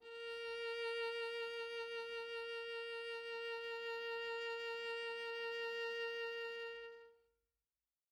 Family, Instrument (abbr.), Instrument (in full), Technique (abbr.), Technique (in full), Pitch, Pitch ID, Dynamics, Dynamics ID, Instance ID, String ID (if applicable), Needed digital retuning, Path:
Strings, Va, Viola, ord, ordinario, A#4, 70, mf, 2, 0, 1, FALSE, Strings/Viola/ordinario/Va-ord-A#4-mf-1c-N.wav